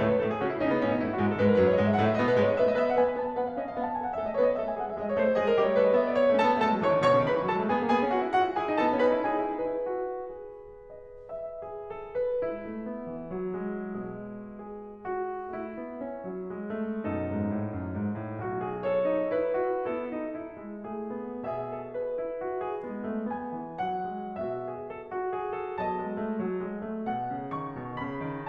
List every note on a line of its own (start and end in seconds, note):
0.00 0.20 A2
0.00 0.20 A3
0.00 0.08 C#5
0.09 0.20 B4
0.20 0.38 A2
0.20 0.38 A3
0.20 0.29 A4
0.29 0.38 G#4
0.39 0.58 C#3
0.39 0.58 C#4
0.39 0.49 F#4
0.49 0.58 E4
0.59 0.80 C#3
0.59 0.80 C#4
0.59 0.68 D#4
0.68 0.80 B3
0.80 1.02 B2
0.80 1.02 B3
0.80 0.91 C#4
0.92 1.02 D#4
1.02 1.20 A2
1.02 1.20 A3
1.02 1.11 E4
1.11 1.20 F#4
1.20 1.39 G#2
1.20 1.39 G#3
1.20 1.30 G#4
1.30 1.39 A4
1.40 1.61 G#2
1.40 1.61 G#3
1.40 1.50 B4
1.50 1.61 A#4
1.61 1.75 F#2
1.61 1.75 F#3
1.61 1.68 B4
1.70 1.75 C#5
1.75 1.92 F#2
1.75 1.92 F#3
1.75 1.83 D#5
1.85 1.92 E5
1.92 2.10 G#2
1.92 2.10 G#3
1.92 2.01 F#5
2.01 2.10 E5
2.11 2.33 A2
2.11 2.33 A3
2.11 2.21 D#5
2.21 2.33 B4
2.35 2.53 B2
2.35 2.53 B3
2.35 2.44 C#5
2.44 2.53 D#5
2.53 2.74 G#2
2.53 2.74 G#3
2.53 2.62 E5
2.64 2.74 D#5
2.74 2.98 B3
2.74 2.98 B4
2.74 2.88 E5
2.88 2.98 F#5
3.00 3.16 B3
3.00 3.16 B4
3.00 3.08 G#5
3.08 3.16 B5
3.17 3.37 B3
3.17 3.37 B4
3.17 3.25 A5
3.25 3.37 G#5
3.37 3.56 B3
3.37 3.56 B4
3.37 3.46 F#5
3.47 3.56 F5
3.56 3.77 C#4
3.56 3.77 C#5
3.56 3.67 D#5
3.68 3.77 F5
3.77 3.97 B3
3.77 3.97 B4
3.77 3.88 F#5
3.88 3.97 A5
3.98 4.17 A3
3.98 4.17 A4
3.98 4.06 G#5
4.06 4.17 F#5
4.17 4.37 A3
4.17 4.37 A4
4.17 4.25 E5
4.27 4.37 D#5
4.37 4.56 B3
4.37 4.56 B4
4.37 4.46 C#5
4.47 4.56 D#5
4.56 4.79 A3
4.56 4.79 A4
4.56 4.67 E5
4.67 4.79 G#5
4.81 4.97 G#3
4.81 4.97 G#4
4.81 4.88 F#5
4.88 4.97 E5
4.98 5.19 G#3
4.98 5.19 G#4
4.98 5.07 D#5
5.07 5.19 C#5
5.19 5.40 A3
5.19 5.40 A4
5.19 5.31 C5
5.32 5.40 C#5
5.40 5.63 G#3
5.40 5.63 G#4
5.40 5.53 D#5
5.53 5.63 A#4
5.63 5.80 G3
5.63 5.80 G4
5.63 5.74 D#5
5.74 5.80 C#5
5.80 5.98 G#3
5.80 5.98 G#4
5.80 5.89 B4
5.89 5.98 D#5
5.98 6.27 B3
5.98 6.07 E5
6.08 6.18 D5
6.18 6.37 C#5
6.28 6.37 A3
6.37 6.49 C#4
6.37 6.57 A4
6.37 6.57 A5
6.49 6.57 B3
6.58 6.68 A3
6.58 6.79 A4
6.58 6.79 A5
6.68 6.79 G#3
6.80 6.90 F#3
6.80 7.00 C#5
6.80 7.00 C#6
6.90 7.00 E3
7.00 7.12 D#3
7.00 7.23 C#5
7.00 7.23 C#6
7.13 7.23 B2
7.23 7.35 C#3
7.23 7.45 B4
7.23 7.45 B5
7.35 7.45 D#3
7.47 7.56 E3
7.47 7.67 A4
7.47 7.67 A5
7.56 7.67 F#3
7.69 7.77 G#3
7.69 7.87 G#4
7.69 7.87 G#5
7.77 7.87 A3
7.87 7.96 B3
7.87 8.07 G#4
7.87 8.07 G#5
7.98 8.07 A#3
8.07 8.15 B3
8.07 8.27 F#4
8.07 8.27 F#5
8.16 8.27 C#4
8.27 8.39 D#4
8.27 8.51 F#4
8.27 8.51 F#5
8.39 8.51 E4
8.52 8.59 F#4
8.52 8.73 G#4
8.52 8.73 G#5
8.59 8.73 E4
8.73 8.85 D#4
8.73 9.02 A4
8.73 9.02 A5
8.85 9.02 B3
9.02 9.15 C#4
9.02 9.35 B4
9.02 9.35 B5
9.16 9.35 D#4
9.35 9.54 E4
9.35 9.68 G#4
9.35 9.68 G#5
9.54 9.68 D#4
9.69 9.88 E4
9.69 10.84 B4
9.88 10.21 F#4
10.22 11.88 B2
10.90 11.27 D#5
11.28 11.67 E5
11.69 11.88 G#4
11.89 12.14 A4
12.16 12.40 B4
12.41 12.64 G#3
12.41 14.44 E4
12.65 12.83 A3
12.84 13.08 B3
13.10 13.31 E3
13.32 13.57 F#3
13.58 15.55 G#3
13.91 15.00 B2
14.54 15.00 G#4
15.01 15.55 F#4
15.56 15.80 A3
15.56 17.07 E4
15.81 16.00 B3
16.01 16.28 C#4
16.29 16.52 F#3
16.53 16.75 G#3
16.76 17.07 A3
17.08 17.26 F#2
17.08 17.96 B2
17.08 18.39 D#4
17.08 18.76 A4
17.28 17.50 G#2
17.51 17.72 A2
17.73 17.96 F#2
17.97 18.18 G#2
18.19 18.39 A2
18.40 19.32 B1
18.40 18.58 F#4
18.59 18.76 G#4
18.77 19.06 A4
18.77 19.32 C#5
19.09 19.32 D#4
19.33 19.56 E4
19.33 19.84 B4
19.57 19.84 F#4
19.85 20.06 B3
19.85 20.29 E4
19.85 20.87 A4
20.09 20.29 D#4
20.31 20.58 E4
20.60 20.87 G#3
20.90 21.08 A3
20.90 21.44 G#4
21.10 21.44 B3
21.46 22.40 B2
21.46 21.73 G#4
21.46 23.25 E5
21.75 21.92 A4
21.94 22.19 B4
22.20 22.40 E4
22.41 22.60 F#4
22.60 22.81 G#4
22.83 23.05 G#3
22.83 23.25 B3
23.06 23.25 A3
23.27 23.55 B3
23.27 23.81 G#5
23.56 23.81 E3
23.82 24.10 F#3
23.82 24.38 F#5
24.11 24.38 G#3
24.39 25.33 B2
24.39 24.59 F#4
24.39 25.81 E5
24.61 24.86 G#4
24.88 25.10 A4
25.11 25.33 F#4
25.34 25.53 G#4
25.54 25.81 A4
25.82 25.99 F#3
25.82 26.17 B3
25.82 27.07 D#5
25.82 27.53 A5
26.01 26.17 G#3
26.18 26.38 A3
26.39 26.61 F#3
26.62 26.81 G#3
26.82 27.07 A3
27.12 27.33 B2
27.12 28.48 F#5
27.34 27.53 C#3
27.54 27.74 D#3
27.54 27.97 C#6
27.75 27.97 B2
27.99 28.22 C#3
27.99 28.48 B5
28.25 28.48 D#3